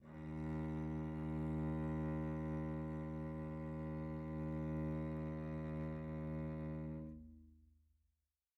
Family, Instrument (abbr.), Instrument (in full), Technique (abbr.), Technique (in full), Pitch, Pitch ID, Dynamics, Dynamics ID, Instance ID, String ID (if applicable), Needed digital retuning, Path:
Strings, Vc, Cello, ord, ordinario, D#2, 39, pp, 0, 3, 4, FALSE, Strings/Violoncello/ordinario/Vc-ord-D#2-pp-4c-N.wav